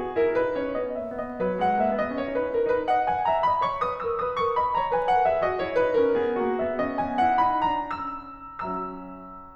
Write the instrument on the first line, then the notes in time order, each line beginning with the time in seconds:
piano
0.00 F#4 G#4
0.19 E4 A#4
0.36 D#4 B4
0.55 C#4 C#5
0.74 B3 D#5
0.97 A#3 E5
1.17 B3 D#5
1.44 F#3 B4
1.61 G#3 F#5
1.78 A#3 E5
1.95 B3 D#5
2.14 C#4 C#5
2.35 D#4 B4
2.56 E4 A#4
2.71 D#4 B4
2.88 D#5 F#5
3.03 F#5 G#5
3.24 E5 A#5
3.43 D#5 B5
3.61 C#5 C#6
3.81 B4 D#6
4.00 A#4 E6
4.17 B4 D#6
4.39 A#4 C#6
4.60 D#5 B5
4.78 C#5 A#5
4.93 B4 G#5
5.08 A#4 F#5
5.23 G#4 E5
5.41 F#4 D#5
5.57 E4 C#5
5.74 D#4 B4
5.95 C#4 A#4
6.13 B3 G#4
6.38 A#3 F#4
6.56 C#4 E5
6.76 B3 D#5
6.99 E4 G#5
7.18 D#4 F#5
7.39 D#4 B5
7.62 C#4 A#5
8.71 F#3 E6